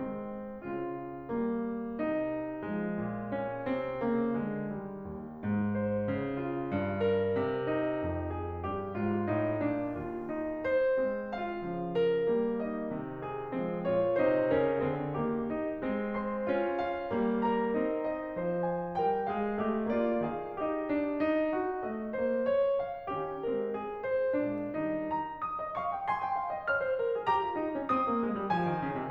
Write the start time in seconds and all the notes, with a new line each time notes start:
0.00 G#3 C4
0.63 C#3 F4
1.36 G3 A#3
1.97 C3 D#4
2.65 F3 G#3
3.02 A#2
3.37 C#4
3.69 C3 C4
4.05 C#3 A#3
4.37 D3 G#3
4.69 D#3 G3
5.05 D#2
5.40 G#2
5.76 C5
6.08 C#3
6.44 F4
6.70 G2
7.02 A#4
7.41 C3
7.71 D#4
8.06 F2
8.38 G#4
8.67 G2 G4
8.97 G#2 F4
9.29 A2 D#4
9.61 A#2 D4
9.97 D#2 F4
10.30 D#4
10.63 C5
11.03 G#3 C4
11.35 F4 F5
11.74 C#3 F3
12.05 A#4
12.35 G3 A#3
12.67 D#4 D#5
12.90 C3 D#3
13.21 G#4
13.55 F3 G#3 C4
13.85 A#2 F4 C#5
14.22 C3 D#4 C5
14.52 C#3 C#4 A#4
14.80 D3 C4 G#4
15.21 D#3 A#3 G4
15.53 D#4
15.82 G#3 C4
16.17 C5 C6
16.49 C#4 F4
16.78 F5
17.11 G3 A#3
17.43 A#4 A#5
17.71 C4 D#4
17.98 D#5
18.40 F3 C5
18.74 G#5
19.04 G3 A#4 G5
19.30 G#3 G#4 F5
19.62 A3 G4 D#5
19.89 A#3 F4 D5
20.22 D#3 G#4 F5
20.60 D#4 G4 D#5
20.89 D4
21.20 D#4
21.51 F#4
21.84 G#3 D#5
22.13 A#3 C5
22.47 C#5
22.74 F5
23.09 D#3 C#4 G4
23.41 G#3 C4 A#4
23.75 G#4
24.04 C5
24.43 A#2 G#3 D4
24.74 D#3 G3 D#4
25.09 A#5
25.41 D#6
25.57 D#5
25.73 F5 C#6
25.93 G5
26.08 G#5 C6
26.19 G5
26.33 F5
26.51 D#5
26.69 C#5 F6
26.83 C5
26.99 A#4
27.13 G#4
27.30 G4 A#5
27.45 F4
27.57 D#4
27.74 C#4
27.89 C4 D#6
28.06 A#3
28.25 G#3
28.41 G3
28.53 F3 G#5
28.68 D#3
28.80 C#3
28.97 C3